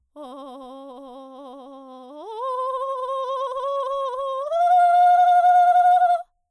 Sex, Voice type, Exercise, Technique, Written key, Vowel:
female, soprano, long tones, trillo (goat tone), , o